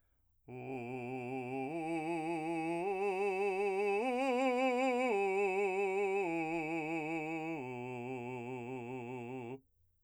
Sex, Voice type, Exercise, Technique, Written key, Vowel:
male, , arpeggios, slow/legato forte, C major, u